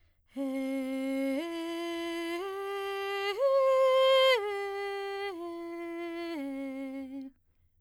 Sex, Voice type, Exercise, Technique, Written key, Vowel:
female, soprano, arpeggios, breathy, , e